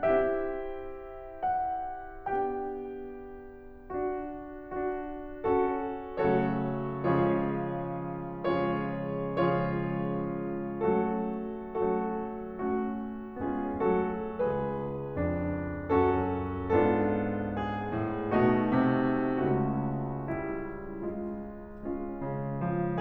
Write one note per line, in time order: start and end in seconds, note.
0.00 2.28 C4
0.00 2.28 E4
0.00 2.28 G4
0.00 1.42 E5
1.43 2.28 F#5
2.30 3.89 B3
2.30 3.89 D4
2.30 3.89 G4
2.30 3.89 G5
3.91 4.71 D4
3.91 4.71 F#4
4.74 5.38 D4
4.74 5.38 F#4
5.39 6.08 C#4
5.39 6.08 F#4
5.39 6.08 A4
6.11 6.87 C#3
6.11 6.87 F#3
6.11 6.87 A3
6.11 6.87 C#4
6.11 6.87 F#4
6.11 6.87 A4
6.11 6.87 C#5
6.88 8.42 C#3
6.88 8.42 F3
6.88 8.42 G#3
6.88 8.42 C#4
6.88 8.42 F4
6.88 8.42 G#4
6.88 8.42 C#5
8.43 9.21 C#3
8.43 9.21 F3
8.43 9.21 G#3
8.43 9.21 C#4
8.43 9.21 F4
8.43 9.21 G#4
8.43 9.21 C#5
9.22 10.76 C#3
9.22 10.76 F3
9.22 10.76 G#3
9.22 10.76 C#4
9.22 10.76 F4
9.22 10.76 G#4
9.22 10.76 C#5
10.79 11.53 F#3
10.79 11.53 A3
10.79 11.53 C#4
10.79 11.53 F#4
10.79 11.53 A4
11.54 12.50 F#3
11.54 12.50 A3
11.54 12.50 C#4
11.54 12.50 F#4
11.54 12.50 A4
12.53 13.37 A3
12.53 13.37 C#4
12.53 13.37 F#4
13.39 13.80 G#3
13.39 13.80 B3
13.39 13.80 C#4
13.39 13.80 F4
13.39 13.80 G#4
13.83 14.38 F#3
13.83 14.38 A3
13.83 14.38 F#4
13.83 14.38 A4
14.40 19.21 C#2
14.40 15.93 G#4
14.40 15.93 B4
15.21 15.93 F2
15.21 15.93 D4
15.94 16.71 F#2
15.94 16.71 C#4
15.94 16.71 F#4
15.94 16.71 A4
16.73 17.95 G#2
16.73 18.33 B3
16.73 18.33 D4
16.73 18.33 F4
16.73 17.50 A4
17.53 18.33 G#4
17.96 18.33 A2
18.34 18.74 B2
18.34 19.21 A3
18.34 19.21 D#4
18.34 19.21 F#4
18.76 19.21 C3
19.23 22.22 C#2
19.23 22.22 C#3
19.23 20.25 A3
19.23 21.80 C#4
19.23 20.25 F#4
20.26 21.03 G3
20.26 21.03 E4
21.05 21.80 G#3
21.05 21.80 F4
21.82 23.00 G#3
21.82 23.00 C#4
21.82 23.00 F4
22.23 22.63 C#3
22.64 23.00 F3